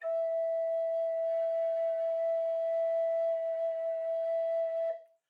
<region> pitch_keycenter=76 lokey=76 hikey=79 tune=2 volume=13.888477 offset=515 ampeg_attack=0.004000 ampeg_release=0.300000 sample=Aerophones/Edge-blown Aerophones/Baroque Bass Recorder/Sustain/BassRecorder_Sus_E4_rr1_Main.wav